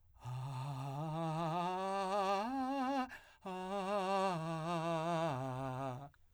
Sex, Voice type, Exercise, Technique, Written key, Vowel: male, , arpeggios, breathy, , a